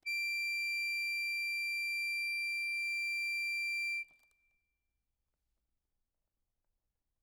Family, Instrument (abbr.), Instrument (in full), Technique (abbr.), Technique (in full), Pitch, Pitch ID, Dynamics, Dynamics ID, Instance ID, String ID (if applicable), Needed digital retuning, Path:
Keyboards, Acc, Accordion, ord, ordinario, D7, 98, ff, 4, 1, , FALSE, Keyboards/Accordion/ordinario/Acc-ord-D7-ff-alt1-N.wav